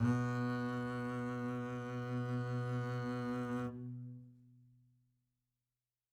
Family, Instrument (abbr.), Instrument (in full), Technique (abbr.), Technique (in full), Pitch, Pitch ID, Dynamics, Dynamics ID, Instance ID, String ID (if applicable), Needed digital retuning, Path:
Strings, Cb, Contrabass, ord, ordinario, B2, 47, mf, 2, 1, 2, FALSE, Strings/Contrabass/ordinario/Cb-ord-B2-mf-2c-N.wav